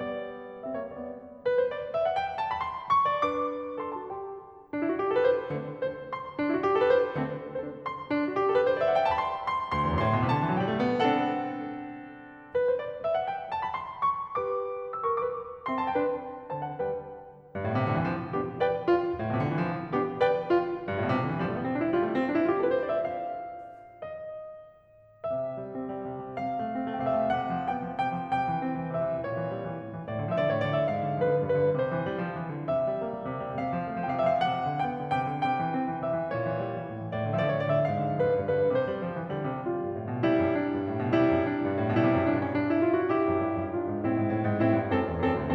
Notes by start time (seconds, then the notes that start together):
0.00 G3 B3 D5
0.63 C4 E5
0.77 A#3 C#5
0.89 G3 B3 D5
1.47 B4
1.61 C5
1.71 D5
1.94 E5
2.05 F#5
2.15 G5
2.38 A5
2.53 B5
2.69 C6
2.96 C#6
3.23 D4 B4 D5
3.32 D6
3.84 A4 C6
3.99 F#4 A5
4.10 G4 G5
4.64 D4
4.81 E4
4.89 F#4
4.99 G4
5.07 A4
5.14 B4
5.22 C5
5.54 D3 A3 C4
5.82 D4 A4 C5
6.07 C6
6.36 D4
6.46 E4
6.55 F#4
6.62 G4
6.70 A4
6.84 B4
6.92 C5
7.20 D3 A3 C4
7.50 D4 A4 C5
7.86 C6
8.09 D4
8.17 E4
8.27 F#4
8.37 G4
8.45 A4
8.56 B4
8.65 C5
8.74 D5
8.81 E5
8.90 F#5
8.97 G5
9.07 A5
9.11 B5
9.17 C6
9.43 C6
9.73 D2 C6
9.80 E2
9.87 F#2
9.94 G2
10.02 A2 C6
10.14 B2
10.23 C3
10.30 D3 A5
10.40 E3
10.48 F#3
10.59 G3 G5
10.72 A3
10.82 B3
10.95 C4 D4 A4 F#5
12.62 B4
12.74 C5
12.84 D5
13.05 E5
13.15 F#5
13.26 G5
13.51 A5
13.64 B5
13.77 C6
14.14 C#6
14.37 G4 B4 D6
14.94 C5 E6
15.07 A#4 C#6
15.19 G4 B4 D6
15.66 C4 E5 C6
15.79 A5
15.89 D4 B4 G5
16.49 D3 C5 A5
16.63 F#5
16.80 G3 B4 G5
17.50 G2
17.65 A2
17.74 B2
17.83 C3
17.95 D3
18.03 E3
18.11 F3
18.37 B3 D4 G4
18.60 B4 D5 G5
18.85 F4
19.13 G2
19.20 A2
19.28 B2
19.35 C3
19.44 D3
19.59 E3
19.69 F3
19.96 B3 D4 G4
20.24 B4 D5 G5
20.49 F4
20.85 G2
20.94 A2
21.01 B2
21.12 C3
21.22 D3
21.32 E3
21.42 F3 G3
21.50 A3
21.58 B3
21.66 C4
21.76 D4
21.84 E4
21.99 G3 F4
22.08 A3
22.18 B3
22.23 C4
22.31 D4
22.38 E4
22.47 F4 G4
22.55 A4
22.63 B4
22.70 C5
22.81 D5
22.92 E5
23.01 F5
24.00 D#5
25.25 C3 E5
25.55 G3
25.72 C4
25.90 G3
26.02 C3
26.15 G3
26.26 C3 F5
26.44 A3
26.56 C4
26.83 A3
26.99 C3 G5
27.07 F5
27.16 A3 E5
27.23 F5
27.28 C3 F#5
27.49 F3
27.67 B3 G5
27.89 F3
27.99 C3 G5
28.13 F3
28.28 C3 G5
28.40 E3
28.64 C4
28.83 E3
28.96 C3 E5
29.14 E3
29.30 A#2 C#5
29.45 E3
29.61 G3
29.74 E3
29.84 A2
29.95 E3
30.05 A2 D5
30.17 D3
30.30 F3 E5
30.35 D5
30.41 D3 C#5
30.52 A2 D5
30.72 D3 E5
30.87 G#2 F5
31.02 D3
31.16 F3 B4
31.29 D3
31.42 G2 B4
31.58 D3
31.75 C3 C5
31.94 E3
32.08 G3
32.19 F3
32.35 E3
32.51 D3
32.66 C3 E5
32.82 G3
32.95 C4
33.08 G3
33.26 C3
33.44 G3
33.59 C3 F5
33.77 A3
33.94 C4
34.11 A3
34.24 C3 G5
34.32 F5
34.38 A3 E5
34.44 F5
34.52 C3 F#5
34.64 F3
34.78 B3 G5
35.00 F3
35.13 C3 G5
35.28 F3
35.40 C3 G5
35.54 E3
35.75 C4
35.89 E3
36.06 C3 E5
36.19 E3
36.29 A#2 C#5
36.44 E3
36.58 G3
36.73 E3
36.90 A2
37.01 E3
37.12 A2 D5
37.26 D3
37.38 F3 E5
37.45 D5
37.52 D3 C#5
37.63 A2 D5
37.74 D3 E5
37.85 G#2 F5
38.01 D3
38.22 F3 B4
38.34 D3
38.46 G2 B4
38.59 D3
38.75 C3 C5
38.89 G3
39.06 F3
39.18 E3
39.35 D3 G3
39.47 C3
39.67 G3 F4
39.87 G2
39.97 A2
40.10 B2
40.28 C3 G3 E4
40.39 F#2
40.54 D4
40.77 G2
40.94 A2
41.05 B2
41.20 C3 G3 E4
41.33 F#2
41.45 D4
41.59 G2
41.80 A2
41.91 B2
42.04 C3 G3 E4
42.18 F#2
42.28 G2 D4
42.40 C#4
42.52 D4
42.71 E4
42.85 F4
42.98 F#4
43.13 E4 G4
43.26 F#2
43.43 G2
43.57 F#2
43.76 G2 D4 F4
43.89 G#2
44.00 A2 C4 E4
44.12 G#2
44.27 A2
44.48 G#2
44.62 A2 C4 E4
44.74 G2
44.93 F#2 C4 A4
45.13 E2
45.26 F#2 C4 A4
45.41 D2